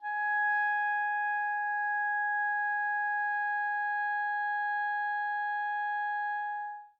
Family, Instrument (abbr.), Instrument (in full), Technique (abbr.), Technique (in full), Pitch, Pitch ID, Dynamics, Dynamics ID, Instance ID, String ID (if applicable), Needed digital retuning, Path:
Winds, ClBb, Clarinet in Bb, ord, ordinario, G#5, 80, mf, 2, 0, , FALSE, Winds/Clarinet_Bb/ordinario/ClBb-ord-G#5-mf-N-N.wav